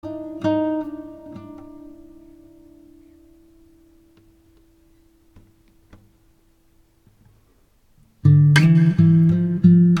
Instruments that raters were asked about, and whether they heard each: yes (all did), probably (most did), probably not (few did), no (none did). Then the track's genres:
ukulele: probably not
Classical; Folk; Instrumental